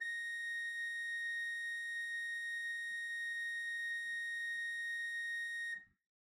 <region> pitch_keycenter=82 lokey=82 hikey=83 ampeg_attack=0.004000 ampeg_release=0.300000 amp_veltrack=0 sample=Aerophones/Edge-blown Aerophones/Renaissance Organ/4'/RenOrgan_4foot_Room_A#4_rr1.wav